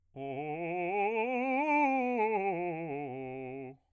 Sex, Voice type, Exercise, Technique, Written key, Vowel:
male, bass, scales, fast/articulated piano, C major, o